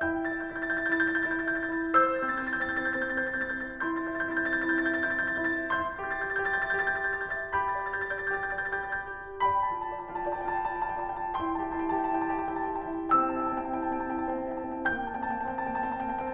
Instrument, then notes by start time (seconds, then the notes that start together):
piano
0.00 E4 G5 A6
0.21 E5 G6
0.35 A6
0.42 E4 G6
0.64 E5 A6
0.82 G6
0.93 E4
1.06 A6
1.14 E5 G6
1.31 E4 A6
1.42 G6
1.46 E5
1.56 A6
1.78 E4
1.83 G6
1.95 C5 E6 A6
2.18 G6
2.32 C4
2.48 A6
2.59 C5 G6
2.76 C4 A6
2.88 G6
3.02 C5
3.11 A6
3.17 C4 G6
3.34 C5 A6
3.47 G6
3.52 C4
3.61 A6
3.67 C5 G6
3.81 E4 C6 A6
3.97 G6
4.02 E5
4.13 A6
4.19 E4 G6
4.45 E5 A6
4.56 E4 G6
4.77 A6
4.85 E5
4.90 G6
5.05 E4 A6
5.18 E5 G6
5.32 A6
5.41 E4 G6
5.80 E5 C6 A6
5.99 G6
6.05 G4
6.14 A6
6.21 E5 G6
6.40 G4 A6
6.49 G6
6.57 E5
6.64 A6
6.71 G4
6.76 G6
6.87 E5 A6
7.02 G4 G6
7.14 A6
7.24 E5
7.30 G6
7.55 G4 B5 A6
7.71 D5 G6
7.91 A6
8.01 G4 G6
8.17 D5 A6
8.34 G4 G6
8.44 A6
8.51 D5 G6
8.72 G4 A6
8.87 G6
8.96 D5
9.07 A6
9.21 G4 G6
9.46 D5 A5 B5
9.66 F4 G5
9.76 A5
9.87 D5 G5
10.04 F4 A5
10.21 D5 G5
10.57 A5
10.67 F4 G5
10.84 D5 A5
10.98 G5
11.03 F4
11.12 A5
11.20 D5
11.38 E4 A5 C6
11.55 G5
11.61 G4
11.68 A5
12.03 E4
12.10 G5
12.20 G4 A5
12.32 G5
12.36 E4
12.42 A5
12.48 G4
12.55 G5
12.63 E4 A5
12.75 G5
12.82 G4
12.91 A5
12.98 E4 G5
13.13 C4 A5 E6
13.26 E4 G5
13.36 A5
13.46 C4
13.58 G5
13.71 E4 A5
13.82 C4 G5
14.16 A5
14.22 E4
14.27 G5
14.40 C4 A5
14.59 E4 G5
14.72 A5
14.78 C4
14.84 G5
14.95 A#3 A5 G6
15.05 G5
15.09 C4
15.15 A5
15.28 A#3 G5
15.43 C4 A5
16.01 A#3 G5
16.09 A5
16.16 C4 G5